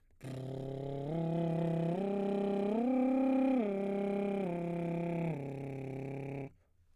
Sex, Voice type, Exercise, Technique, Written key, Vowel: male, baritone, arpeggios, lip trill, , o